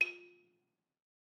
<region> pitch_keycenter=65 lokey=64 hikey=68 volume=14.426469 offset=189 lovel=66 hivel=99 ampeg_attack=0.004000 ampeg_release=30.000000 sample=Idiophones/Struck Idiophones/Balafon/Hard Mallet/EthnicXylo_hardM_F3_vl2_rr1_Mid.wav